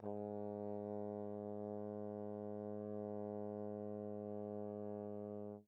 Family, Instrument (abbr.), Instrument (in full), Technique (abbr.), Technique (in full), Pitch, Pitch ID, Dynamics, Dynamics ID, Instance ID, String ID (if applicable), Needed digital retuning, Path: Brass, Tbn, Trombone, ord, ordinario, G#2, 44, pp, 0, 0, , TRUE, Brass/Trombone/ordinario/Tbn-ord-G#2-pp-N-T27u.wav